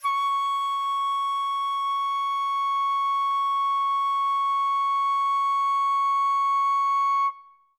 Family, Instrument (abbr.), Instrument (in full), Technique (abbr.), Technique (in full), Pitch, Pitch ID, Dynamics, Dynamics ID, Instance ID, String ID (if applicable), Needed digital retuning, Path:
Winds, Fl, Flute, ord, ordinario, C#6, 85, ff, 4, 0, , TRUE, Winds/Flute/ordinario/Fl-ord-C#6-ff-N-T30d.wav